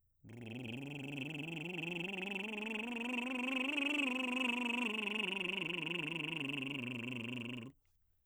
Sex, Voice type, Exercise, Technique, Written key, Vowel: male, baritone, scales, lip trill, , u